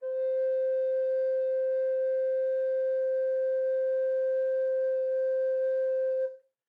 <region> pitch_keycenter=72 lokey=72 hikey=73 volume=13.584709 offset=582 ampeg_attack=0.004000 ampeg_release=0.300000 sample=Aerophones/Edge-blown Aerophones/Baroque Bass Recorder/Sustain/BassRecorder_Sus_C4_rr1_Main.wav